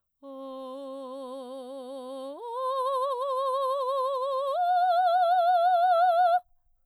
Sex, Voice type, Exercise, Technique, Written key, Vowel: female, soprano, long tones, full voice pianissimo, , o